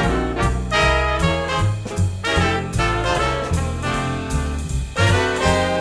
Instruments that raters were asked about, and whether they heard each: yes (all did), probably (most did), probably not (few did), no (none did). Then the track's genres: saxophone: yes
trumpet: probably
trombone: yes
Blues; Jazz; Big Band/Swing